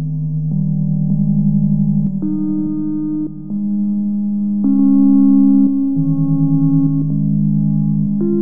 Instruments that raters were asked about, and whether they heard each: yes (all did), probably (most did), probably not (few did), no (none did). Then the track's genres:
mandolin: no
synthesizer: yes
accordion: no
banjo: no
Electronic; Experimental; Ambient